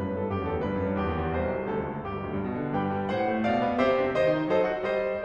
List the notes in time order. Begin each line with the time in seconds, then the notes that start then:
0.00 F#2 B4
0.09 A2
0.14 A4
0.21 G2
0.33 F#2 G4
0.44 E2
0.49 A4
0.57 D2
0.66 G2 B4
0.77 F#2
0.88 G2
1.01 E2 G4
1.11 D#2
1.25 E2
1.35 C2 C5
1.50 B1
1.61 C2
1.71 D2 A4
1.80 C#2
1.89 D2
1.99 G1 G4
2.07 B1
2.17 D2
2.26 G2
2.37 B2
2.54 D3
2.68 G2 G4 B4 G5
2.87 G3
3.15 A2 C5 F#5
3.32 A3
3.47 B2 D5 F5
3.63 B3
3.80 C3 G4 C5 E5
4.02 C4
4.16 D#3 C5 D#5
4.31 D#4
4.53 F#3 A4 C5 D#5
4.68 F#4
4.88 G3 C5 D#5
5.04 G4